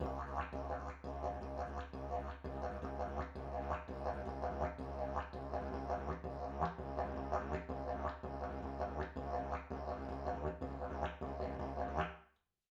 <region> pitch_keycenter=66 lokey=66 hikey=66 volume=5.000000 ampeg_attack=0.004000 ampeg_release=1.000000 sample=Aerophones/Lip Aerophones/Didgeridoo/Didgeridoo1_Phrase8_Main.wav